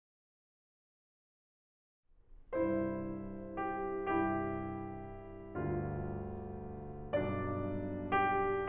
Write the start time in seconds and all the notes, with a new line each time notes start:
2.47 C2 G2 E4 C5
3.58 G4
4.11 C2 G2 E4 G4
5.54 D2 G2 F4
7.16 C2 G2 D4 D5
8.20 G4